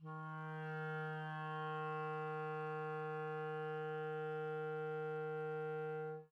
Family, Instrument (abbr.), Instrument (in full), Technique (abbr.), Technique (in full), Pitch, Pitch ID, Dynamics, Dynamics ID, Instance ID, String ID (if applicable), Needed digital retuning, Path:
Winds, ClBb, Clarinet in Bb, ord, ordinario, D#3, 51, mf, 2, 0, , FALSE, Winds/Clarinet_Bb/ordinario/ClBb-ord-D#3-mf-N-N.wav